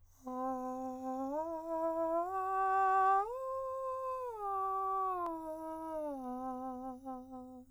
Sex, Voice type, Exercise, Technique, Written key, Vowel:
male, countertenor, arpeggios, breathy, , a